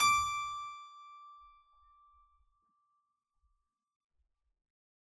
<region> pitch_keycenter=86 lokey=86 hikey=86 volume=1.467371 trigger=attack ampeg_attack=0.004000 ampeg_release=0.400000 amp_veltrack=0 sample=Chordophones/Zithers/Harpsichord, Unk/Sustains/Harpsi4_Sus_Main_D5_rr1.wav